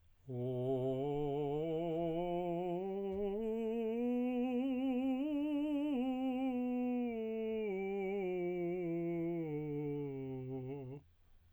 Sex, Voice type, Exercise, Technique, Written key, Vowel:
male, tenor, scales, slow/legato piano, C major, o